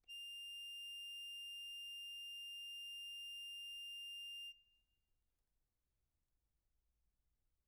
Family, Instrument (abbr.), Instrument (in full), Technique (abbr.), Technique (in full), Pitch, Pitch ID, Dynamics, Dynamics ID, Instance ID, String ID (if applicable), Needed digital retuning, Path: Keyboards, Acc, Accordion, ord, ordinario, F7, 101, mf, 2, 0, , FALSE, Keyboards/Accordion/ordinario/Acc-ord-F7-mf-N-N.wav